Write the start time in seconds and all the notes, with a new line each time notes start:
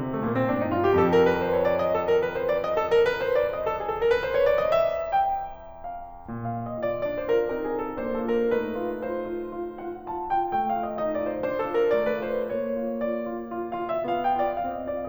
0.00 C3
0.12 A3
0.23 A#2 A#3
0.34 C4
0.44 A2 D4
0.55 D#4
0.68 G2 F4
0.78 G4
0.93 F2 A4
1.06 A#4
1.21 B4
1.39 C5
1.53 C#5
1.66 D5
1.79 D#5
1.93 A4
2.05 A#4
2.17 B4
2.30 C5
2.48 D5
2.62 D#5
2.76 A4
2.89 A#4
3.07 B4
3.19 C5
3.33 D5
3.58 D#5
3.67 A4
3.78 G#4
3.89 A4
4.01 A#4
4.12 B4
4.24 C5
4.32 C#5
4.43 D5
4.60 D#5
4.73 E5
5.15 G5
5.74 F5
6.37 A#2 F5
6.61 D#5
6.70 F4
6.82 D5
7.02 D4 D5
7.19 C5
7.23 F4
7.30 A#4
7.50 C4 A#4
7.66 G#4
7.72 F4
7.79 A4
7.94 A#3 C5
8.10 A4
8.25 F4
8.32 A#4
8.50 A3 D#4 B4
8.75 F4
9.07 F4 C5
9.29 F4
9.62 F4
9.83 F4 F#5
10.05 F4 A5
10.27 F4 G5
10.52 A3 G5
10.68 F5
10.73 F4
10.79 D#5
10.91 D#4 D#5
11.10 D5
11.16 F4
11.22 C5
11.44 D4 C5
11.60 A4
11.66 F4
11.74 A#4
11.91 A3 D5
12.07 B4
12.16 F4
12.27 C5
12.41 A#3 C#5
12.71 F4
12.99 F4 D5
13.25 F4
13.41 F4
13.61 F5
13.72 F4
13.89 E5
14.08 B3 F4 F5
14.23 G5
14.33 F4
14.42 D5
14.58 C4 F5
14.77 D#5
14.87 F4
14.94 D5